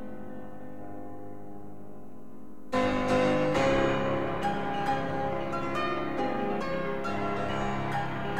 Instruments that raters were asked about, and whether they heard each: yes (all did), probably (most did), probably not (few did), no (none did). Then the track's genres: piano: yes
Classical